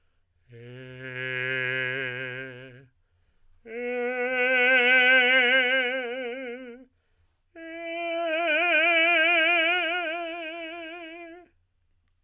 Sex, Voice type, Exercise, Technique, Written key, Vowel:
male, tenor, long tones, messa di voce, , e